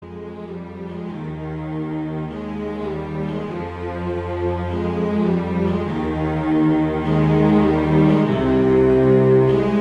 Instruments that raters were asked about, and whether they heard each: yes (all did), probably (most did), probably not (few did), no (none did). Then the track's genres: ukulele: no
cello: yes
mandolin: no
Easy Listening; Soundtrack; Instrumental